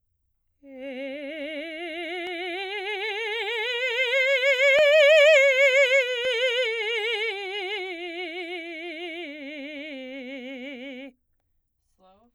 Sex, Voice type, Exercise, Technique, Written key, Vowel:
female, soprano, scales, slow/legato forte, C major, e